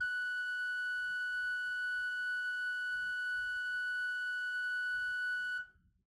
<region> pitch_keycenter=78 lokey=78 hikey=79 ampeg_attack=0.004000 ampeg_release=0.300000 amp_veltrack=0 sample=Aerophones/Edge-blown Aerophones/Renaissance Organ/4'/RenOrgan_4foot_Room_F#4_rr1.wav